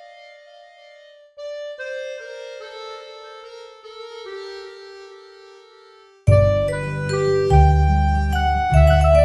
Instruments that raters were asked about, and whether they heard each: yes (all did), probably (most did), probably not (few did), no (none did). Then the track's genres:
voice: no
violin: probably not
bass: probably
accordion: probably
Pop; Folk; Indie-Rock